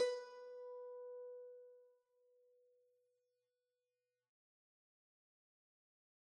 <region> pitch_keycenter=71 lokey=70 hikey=72 volume=16.929678 lovel=0 hivel=65 ampeg_attack=0.004000 ampeg_release=0.300000 sample=Chordophones/Zithers/Dan Tranh/Normal/B3_mf_1.wav